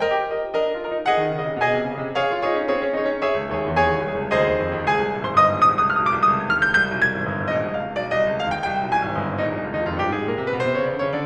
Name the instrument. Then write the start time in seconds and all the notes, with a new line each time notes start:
piano
0.00 A#4 D#5 G5
0.12 G4
0.23 F4 A#4 D#5
0.37 D#4
0.52 D4 A#4 D#5
0.64 D#4
0.78 F4 A#4 D#5
0.92 D#4
1.04 G#4 D#5 F#5
1.23 D#3
1.40 C#3 G#4 D#5
1.52 C3
1.67 B2 G#4 D#5 G#5
1.81 C3
1.93 C#3 G#4 D#5
2.08 C3
2.21 G#4 C#5 F5
2.33 F4
2.48 D#4 G#4 C#5
2.64 C#4
2.75 C4 G#4 C#5
2.87 C#4
3.01 D#4 G#4 C#5
3.12 C#4
3.27 G#4 C#5 E5
3.40 C#2
3.53 D#2 G#4 C#5
3.68 E2
3.78 D#2 G#4 C#5 G#5
3.92 C#2
4.09 C2 G#4 C#5
4.19 C#2
4.31 D2 G#4 C5 D#5
4.45 D#2
4.60 F2
4.71 D#2
4.86 C#2 G#4 G#5
5.00 C2
5.12 A#1
5.24 G#1 C5 C6
5.34 G1 D#5 D#6
5.46 G#1
5.57 A#1 D#6
5.70 C2
5.80 C#2 D#6
5.87 F6
5.93 C2 D#6
5.98 F6
6.04 C#2 D#6
6.10 B1 D6 F6
6.28 C2 D#6
6.40 C#2
6.51 D#2 F6
6.64 C#2 G6
6.76 C2 G6
6.85 B1
6.98 C2 G#6
7.12 G#1
7.20 G1
7.33 G#1
7.45 A#1 D#5
7.56 C2
7.69 C#2 D#5
7.74 F5
7.80 C2 D#5
7.86 C#2 D#5 F5
7.96 F5
8.02 B1 D5
8.14 C2 D#5
8.27 C#2
8.45 D#2 F5
8.58 C#2 G5
8.70 C2 G5
8.85 B1
8.96 C2 G#5
9.10 G#1
9.22 G1
9.33 G#1
9.43 A#1 D#4
9.53 C2
9.65 C#2 F4
9.71 D#4
9.75 D#2 F4
9.82 D#4
9.88 F2 F4
10.05 G2 G4
10.18 G#2 G#4
10.31 A#2 A#4
10.41 C3 C5
10.53 B2 B4
10.65 C3 C5
10.79 C#3 C#5
10.92 D3 D5
11.05 C#3 C#5
11.17 D3 D5